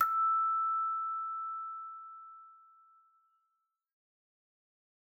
<region> pitch_keycenter=88 lokey=88 hikey=89 tune=-3 volume=12.711201 ampeg_attack=0.004000 ampeg_release=30.000000 sample=Idiophones/Struck Idiophones/Hand Chimes/sus_E5_r01_main.wav